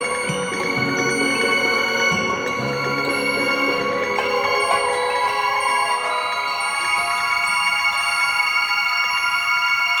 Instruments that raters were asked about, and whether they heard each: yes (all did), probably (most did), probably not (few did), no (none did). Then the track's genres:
mandolin: probably not
banjo: no
Avant-Garde; Experimental; Contemporary Classical